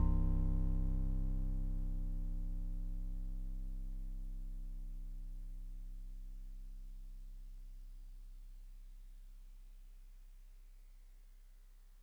<region> pitch_keycenter=36 lokey=35 hikey=38 tune=-1 volume=15.478407 lovel=0 hivel=65 ampeg_attack=0.004000 ampeg_release=0.100000 sample=Electrophones/TX81Z/FM Piano/FMPiano_C1_vl1.wav